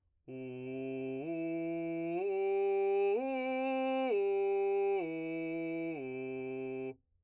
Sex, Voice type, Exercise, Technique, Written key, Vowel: male, , arpeggios, straight tone, , u